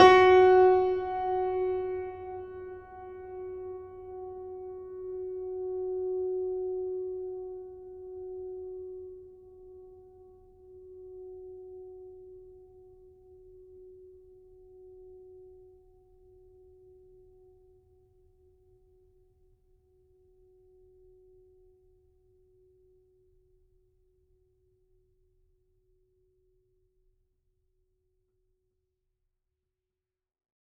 <region> pitch_keycenter=66 lokey=66 hikey=67 volume=1.511566 lovel=100 hivel=127 locc64=65 hicc64=127 ampeg_attack=0.004000 ampeg_release=0.400000 sample=Chordophones/Zithers/Grand Piano, Steinway B/Sus/Piano_Sus_Close_F#4_vl4_rr1.wav